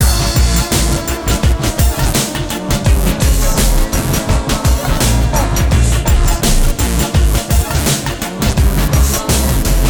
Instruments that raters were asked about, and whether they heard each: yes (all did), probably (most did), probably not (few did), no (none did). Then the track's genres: drums: yes
Hip-Hop Beats; Instrumental